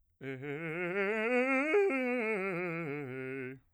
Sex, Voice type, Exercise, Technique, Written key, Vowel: male, bass, scales, fast/articulated piano, C major, e